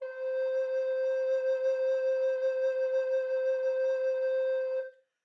<region> pitch_keycenter=72 lokey=72 hikey=73 tune=-4 volume=10.955048 offset=426 ampeg_attack=0.004000 ampeg_release=0.300000 sample=Aerophones/Edge-blown Aerophones/Baroque Tenor Recorder/SusVib/TenRecorder_SusVib_C4_rr1_Main.wav